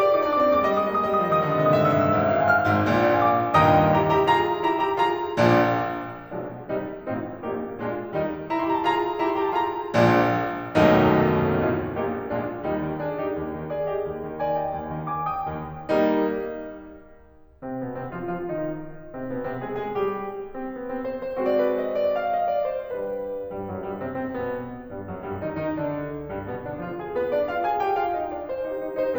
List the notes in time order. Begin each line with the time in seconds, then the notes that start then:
0.00 F4 D5
0.08 D#4 D6
0.17 D5
0.23 D4
0.29 D6
0.38 C4 D5
0.46 A#3 D6
0.57 D5
0.63 G#3 D6
0.74 G3 D#5
0.82 G#3 D#6
0.91 D#5
0.95 A#3 D#6
1.06 G#3 D#5
1.14 G3 D#6
1.23 D#5
1.29 F3 D#6
1.39 D#3 D#5
1.49 D3 D#6
1.57 D#5
1.63 C3 D#6
1.73 A#2 E5
1.83 G#2 E6
1.92 E5
1.97 G2 E6
2.18 G#1 G#2
2.25 F5
2.33 G#5
2.41 C6
2.50 F6
2.65 G#1 G#2
2.82 A#1 A#2
2.93 D5
3.02 F5
3.11 G#5
3.22 D6
3.37 A#1 A#2
3.54 D#2 G2 A#2 D#3 D#5 G5 A#5 D#6
3.91 E4 G4 A#5
4.09 E4 G4 A#5
4.27 F4 G#4 A#5
4.67 E4 G4 A#5
4.84 E4 G4 A#5
5.02 F4 G#4 A#5
5.39 A#1 A#2 F3 G#3 D4
6.34 B1 B2 F3 G#3 D4
6.68 C2 C3 D#3 G3 D#4
6.99 A1 A2 C4 D#4 F4
7.35 A#1 A#2 A#3 D#4 G4
7.81 A#1 A#2 G#3 F4
8.17 D#2 D#3 G3 D#4
8.51 E4 G4 A#5
8.58 C6
8.67 E4 G4 A#5
8.75 A5
8.85 F4 G#4 A#5
9.18 E4 G4 A#5
9.30 C6
9.43 E4 G4 A#5
9.51 A5
9.59 F4 G#4 A#5
9.97 A#1 A#2 F3 G#3 D4
10.73 B1 D#2 F#2 B2 D#3 F#3 A3 D#4
11.54 A1 A2 C4 D#4 F4
11.95 A#1 A#2 A#3 D#4 G4
12.33 A#1 A#2 G#3 D4 F4
12.68 D#2 G3 D#4
12.89 D#3
13.06 D4 G#4
13.25 D#4 G4
13.41 D#2
13.57 D#3
13.75 G#4 D5
13.93 G4 D#5
14.12 D#2
14.25 D#3
14.38 D5 G#5
14.57 D#5 G5
14.72 D#2
14.90 D#3
15.08 G#5 D6
15.22 G5 D#6
15.45 D#2
15.87 G3 A#3 D#4
17.64 C3 C4
17.82 B2 B3
18.00 C3 C4
18.15 F3 F4
18.33 F3 F4
18.49 D#3 D#4
19.13 C3 C4
19.30 B2 B3
19.47 C3 C4
19.70 G#3 G#4
19.88 G#3 G#4
20.06 G3 G4
20.56 C4
20.75 B3
20.93 C4
21.10 C5
21.26 C5
21.42 G#3 C4 F#4 C5
21.56 D5
21.61 B4 C5
21.70 C5
21.75 D#5
21.91 D5
22.11 F5
22.28 D#5
22.48 D5
22.72 C5
22.92 G3 D4 G4 B4
23.52 G2 G3
23.68 F#2 F#3
23.87 G2 G3
24.04 C3 C4
24.21 C3 C4
24.38 B2 B3
24.94 G2 G3
25.11 F#2 F#3
25.27 G2 G3
25.45 D#3 D#4
25.62 D#3 D#4
25.77 D3 D4
26.30 G2 G3
26.45 B2 B3
26.64 D3 D4
26.89 F3 F4
27.03 G#3 G#4
27.17 B3 B4
27.33 D4 D5
27.49 F4 F5
27.64 G#4 G#5
27.83 G4 G5
28.00 F4 F5
28.21 D#4 D#5
28.39 D4 D5
28.55 C4 C5
28.73 D#4 G4
28.90 D#4 G4
29.05 D#4 G4 C5